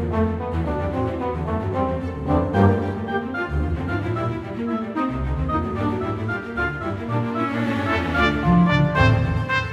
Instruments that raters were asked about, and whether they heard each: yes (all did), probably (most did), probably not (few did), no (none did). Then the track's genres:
clarinet: no
trumpet: yes
cello: yes
trombone: yes
Classical